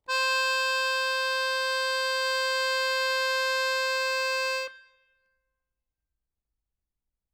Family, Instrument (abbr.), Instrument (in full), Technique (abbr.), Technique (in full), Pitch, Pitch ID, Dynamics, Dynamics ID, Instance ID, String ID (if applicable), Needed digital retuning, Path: Keyboards, Acc, Accordion, ord, ordinario, C5, 72, ff, 4, 0, , FALSE, Keyboards/Accordion/ordinario/Acc-ord-C5-ff-N-N.wav